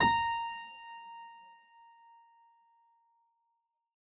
<region> pitch_keycenter=82 lokey=82 hikey=83 volume=0.034822 trigger=attack ampeg_attack=0.004000 ampeg_release=0.350000 amp_veltrack=0 sample=Chordophones/Zithers/Harpsichord, English/Sustains/Normal/ZuckermannKitHarpsi_Normal_Sus_A#4_rr1.wav